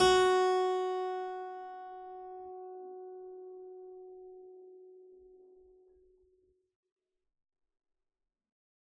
<region> pitch_keycenter=66 lokey=66 hikey=66 volume=-0.874460 trigger=attack ampeg_attack=0.004000 ampeg_release=0.400000 amp_veltrack=0 sample=Chordophones/Zithers/Harpsichord, Unk/Sustains/Harpsi4_Sus_Main_F#3_rr1.wav